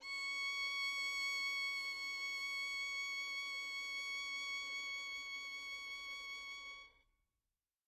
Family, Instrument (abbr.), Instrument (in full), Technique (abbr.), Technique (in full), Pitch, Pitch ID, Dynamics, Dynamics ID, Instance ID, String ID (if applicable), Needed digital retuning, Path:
Strings, Vn, Violin, ord, ordinario, C#6, 85, mf, 2, 1, 2, FALSE, Strings/Violin/ordinario/Vn-ord-C#6-mf-2c-N.wav